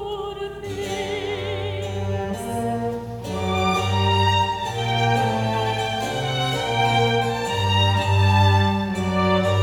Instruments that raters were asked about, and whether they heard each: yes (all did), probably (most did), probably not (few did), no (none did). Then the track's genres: violin: yes
Classical; Chamber Music